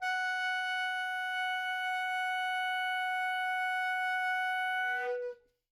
<region> pitch_keycenter=78 lokey=78 hikey=79 volume=18.577912 lovel=0 hivel=83 ampeg_attack=0.004000 ampeg_release=0.500000 sample=Aerophones/Reed Aerophones/Tenor Saxophone/Non-Vibrato/Tenor_NV_Main_F#4_vl2_rr1.wav